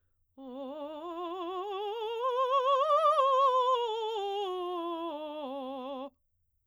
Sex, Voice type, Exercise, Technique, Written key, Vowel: female, soprano, scales, vibrato, , o